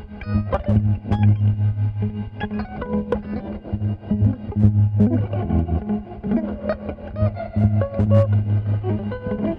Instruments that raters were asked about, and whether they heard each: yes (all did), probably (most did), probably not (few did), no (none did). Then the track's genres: bass: probably
Folk; Experimental